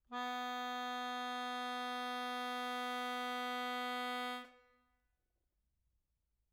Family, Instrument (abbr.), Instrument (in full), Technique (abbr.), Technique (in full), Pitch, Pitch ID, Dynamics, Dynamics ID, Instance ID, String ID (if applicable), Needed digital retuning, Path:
Keyboards, Acc, Accordion, ord, ordinario, B3, 59, mf, 2, 2, , FALSE, Keyboards/Accordion/ordinario/Acc-ord-B3-mf-alt2-N.wav